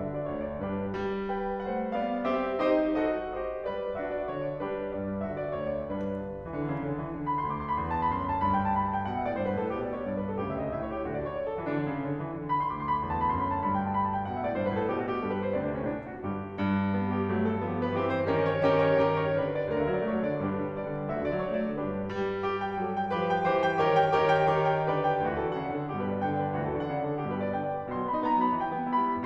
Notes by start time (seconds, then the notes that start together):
0.00 D3 F#4 A4 E5
0.15 D5
0.31 D2 C#5
0.49 D5
0.62 G2 D4 G4 B4
0.95 G3
1.31 B4 G5
1.66 A3 C5 F#5
1.99 B3 D5 F5
2.30 C4 G4 E5
2.64 D#4 G4 C5 D#5
2.95 F#4 A4 C5 D#5
3.44 G4 C5 D#5
3.74 G3 B4 D5
4.01 D4 F#4 A4 E5
4.13 D5
4.30 D3 C#5
4.41 D5
4.59 G3 D4 G4 B4
4.93 G2 D5
5.26 D3 F#4 A4 E5
5.43 D5
5.62 D2 C#5
5.76 D5
5.90 G2 D4 G4 B4
6.16 G1
6.51 E3
6.58 D3
6.71 C#3
6.87 D3
7.04 E3
7.17 D3
7.27 B5
7.38 C6
7.45 D2 D6
7.57 C6
7.70 B5
7.79 E2 C6
7.89 A5
8.00 B5
8.10 F#2 C6
8.24 B5
8.35 A5
8.44 G2 B5
8.54 G5
8.66 A5
8.78 B5
8.88 A5
8.99 G5
9.07 B2 F#5
9.18 A2 E5
9.28 D5
9.40 G2 C5
9.50 B4
9.56 A2
9.60 A4
9.75 B2 G4
9.86 D5
9.98 C#5
10.05 G2 D5
10.18 B4
10.31 A4
10.40 D2 C#3 G4
10.51 E5
10.60 D#5
10.72 A2 E5
10.82 C#5
10.95 G4
11.04 D2 D3 F#4
11.11 D5
11.23 C#5
11.32 D5
11.41 A4
11.53 F#4
11.62 E3 D4
11.68 D3
11.83 C#3
12.04 D3
12.20 E3
12.36 D3
12.47 B5
12.56 C6
12.71 D2 D6
12.83 C6
12.93 B5
13.01 E2 C6
13.12 A5
13.24 B5
13.35 F#2 C6
13.46 B5
13.57 A5
13.70 G2 B5
13.82 G5
13.90 A5
13.99 B5
14.08 A5
14.18 G5
14.26 B2 F#5
14.34 A2 E5
14.44 D5
14.54 G2 C5
14.64 B4
14.74 A2
14.79 A4
14.91 B2 G4
15.01 F#4
15.09 G4
15.20 G2 A4
15.30 B4
15.39 C5
15.52 D2 C3 D5
15.65 D4
15.77 C#4
15.88 A2 D4
15.98 E4
16.09 F#4
16.18 G1 G2 G4
16.51 G2
16.85 G3
17.09 G4
17.25 F#3 A3
17.40 A4
17.65 F3 B3 G4
17.79 B4
17.97 E3 C4 G4
18.17 C5
18.31 D#3 C#4 G4 A#4
18.53 C#5
18.78 D#3 C#4 G4 A#4
18.94 C#5
19.06 D#3 C#4 G4 A#4
19.21 C#5
19.35 D3 D4 G4 B4
19.49 D5
19.71 D2 F#4 A4 E5
19.84 D3
19.89 D5
19.93 F#3
20.03 A3 C#5
20.13 F#3
20.22 D5
20.31 D3
20.42 G2 D4 G4 B4
20.55 D3
20.64 G3
20.77 B3 D5
20.87 G3
21.01 D3
21.10 D2 F#4 A4 E5
21.19 D3
21.23 D5
21.33 F#3
21.46 A3 C#5
21.64 F#3
21.69 D5
21.73 D3
21.82 G2 D4 G4 B4
22.44 G4
22.64 G5
22.84 A4
23.00 G5
23.16 F3 G4 B4
23.32 G5
23.48 E3 G4 C5
23.66 G5
23.84 D#3 G4 A#4 C#5
23.96 G5
24.14 D#3 G4 A#4 C#5
24.32 G5
24.49 D#3 G4 A#4 C#5
24.64 G5
24.83 D3 G4 B4 D5
25.04 G5
25.24 D2 E3 F#4
25.38 A#4
25.48 D3
25.54 D5
25.65 C#3 F#5
25.76 D5
25.81 D3
25.86 A#4
25.94 G2 B2 G4
26.06 B4
26.16 D5
26.25 D3 G5
26.35 D5
26.44 B4
26.55 D2 E3 F#4
26.64 A4
26.70 D3
26.75 D5
26.85 C#3 F#5
26.97 D5
27.05 D3
27.11 A4
27.21 G2 B2 G4
27.31 B4
27.39 D5
27.50 G5
27.63 D5
27.78 B4
27.89 B2 C6
27.98 F#3
28.04 B5
28.08 B3
28.18 D#4 A#5
28.28 B3
28.34 B5
28.42 F#3
28.51 E3 G5
28.61 G3
28.75 B3
28.90 E4 B5
29.01 B3
29.13 G3